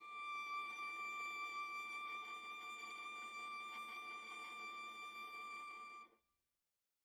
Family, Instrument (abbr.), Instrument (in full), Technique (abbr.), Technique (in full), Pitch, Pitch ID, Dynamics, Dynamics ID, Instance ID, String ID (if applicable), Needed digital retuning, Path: Strings, Va, Viola, ord, ordinario, D6, 86, mf, 2, 1, 2, FALSE, Strings/Viola/ordinario/Va-ord-D6-mf-2c-N.wav